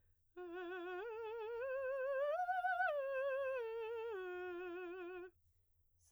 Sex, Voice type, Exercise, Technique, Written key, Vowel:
female, soprano, arpeggios, slow/legato piano, F major, e